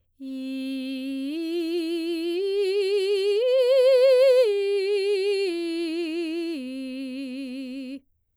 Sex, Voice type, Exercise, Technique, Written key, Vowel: female, soprano, arpeggios, slow/legato piano, C major, i